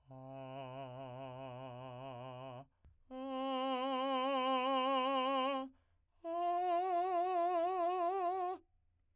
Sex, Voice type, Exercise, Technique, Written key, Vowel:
male, , long tones, full voice pianissimo, , a